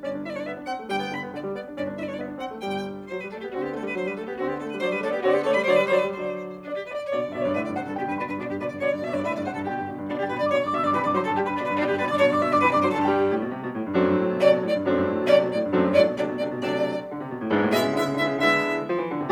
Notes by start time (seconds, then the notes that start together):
0.00 G1 G2 C#4 D5
0.13 D4
0.23 E4 D5 E5
0.30 D4 C#5 D5
0.39 D5
0.44 B3 E5
0.55 D4
0.65 C4 F#5
0.78 A3
0.91 G1 G2 G3 G5
1.01 B3
1.11 D3 B5
1.23 B3
1.34 D3 D5
1.45 G3
1.56 B3 D5
1.66 D4
1.78 G1 G2 C#4 D5
1.88 D4
1.99 E4 D5 E5
2.05 D4 C#5 D5
2.14 D5
2.19 B3 E5
2.30 D4
2.40 C4 F#5
2.51 A3
2.61 G1 G2 G3 G5
3.08 F#3 C5
3.18 G3 B4
3.34 A3 A4
3.45 B3 G4
3.53 D3 C4 F#4
3.63 B3 G4
3.75 A3 A4
3.83 G3 B4
3.94 F#3 C5
4.05 G3 B4
4.16 A3 A4
4.26 B3 G4
4.41 D3 C4 F#4
4.53 B3 G4
4.63 A3 A4
4.74 G3 B4
4.78 C#5
4.83 F#3 C5 D5
4.93 G3 B4
4.99 C#5
5.04 A3 A4 D5
5.15 B3 G4
5.22 C#5
5.27 D3 C4 F#4 D5
5.38 B3 G4
5.43 C#5
5.49 A3 A4 D5
5.58 G3 B4
5.63 C#5
5.69 D3 F#3 C5 D5
5.81 G3 B4
5.87 C#5
5.93 D3 F#3 C5 D5
6.06 G3 B4
6.12 C#5
6.18 D3 F#3 C5 D5
6.69 D4 D5
6.82 G4
6.93 B4 D5
7.02 D5
7.13 B2 D3 C#5 D5
7.22 G2 D5
7.33 B2 D3 D5 E5
7.38 G2 C#5 D5
7.47 D5
7.51 B2 D3 B4 E5
7.64 G2 D5
7.76 C3 D3 C5 F#5
7.86 G2 A4
7.95 B2 D3 G4 G5
8.06 G2 B4
8.20 B2 D3 D4 B5
8.30 G2 B4
8.41 B2 D3 D4 D5
8.50 G2 G4
8.60 B2 D3 B4 D5
8.72 G2 D5
8.86 B2 D3 C#5 D5
8.96 G2 D5
9.07 B2 D3 D5 E5
9.14 G2 C#5 D5
9.24 D5
9.29 B2 D3 B4 E5
9.39 G2 D5
9.50 C3 D3 C5 F#5
9.61 G2 A4
9.72 B2 D3 G4 G5
9.82 G2
9.90 B2 D3
10.01 G2
10.11 B2 D3 D4 D5
10.23 G2 G4 G5
10.33 B2 D3 B4 B5
10.43 G2 D5 D6
10.53 B2 D3 C#5 C#6
10.63 G2 D5 D6
10.75 B2 D3 E5 E6
10.87 G2 D5 D6
10.96 B2 D3 B4 B5
11.06 G2 D5 D6
11.16 D3 F#3 C5 C6
11.25 G2 A4 A5
11.35 D3 G3 G4 G5
11.47 G2 B4 B5
11.58 B2 D3 D4 D5
11.69 G2 B4 B5
11.80 B2 D3 D4 D5
11.90 G2 G4 G5
12.00 B2 D3 B4 B5
12.11 G2 D5 D6
12.21 B2 D3 C#5 C#6
12.31 G2 D5 D6
12.42 B2 D3 E5 E6
12.52 G2 D5 D6
12.62 B2 D3 B4 B5
12.72 G2 D5 D6
12.84 D3 F#3 C5 C6
12.95 G2 A4 A5
13.08 G2 D3 G3 G4 G5
13.33 A2
13.44 B2
13.55 C3
13.64 B2
13.75 A2
13.87 G2
13.97 F#2 F#3 A3 C4 D4
14.09 G2
14.19 A2
14.29 B2
14.36 C#5
14.41 C3 D5
14.51 B2
14.64 A2 D5
14.78 G2
14.90 F#2 F#3 A3 C4 D4
15.02 G2
15.13 A2
15.22 B2
15.33 C3
15.45 B2
15.56 A2
15.66 G2
15.78 F#2 F#3 A3 C4 D4
15.84 G2
15.88 C#5
15.94 A2 F#3 A3 D4 D5
16.07 B2
16.18 C3 F#3 A3 D4 D5
16.32 B2
16.43 C3 F#3 A3 D4 D5
16.53 B2
16.66 C3 F#3 A3 D4 D5
17.09 D3
17.19 C3
17.29 B2
17.39 A2
17.51 G#2 G#3 B3 D4 E4
17.61 A2
17.67 C#5
17.72 B2 G#3 B3 D4 E4 E5
17.82 C3
17.93 D3 G#3 B3 D4 E4 E5
18.04 C#3
18.15 D3 G#3 B3 D4 E4 E5
18.25 C#3
18.36 D3 G#3 B3 E4 E5
18.88 F3
18.98 E3
19.10 D3
19.21 C3